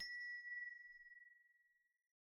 <region> pitch_keycenter=62 lokey=62 hikey=62 volume=15.000000 ampeg_attack=0.004000 ampeg_release=30.000000 sample=Idiophones/Struck Idiophones/Hand Bells, Nepalese/HB_3.wav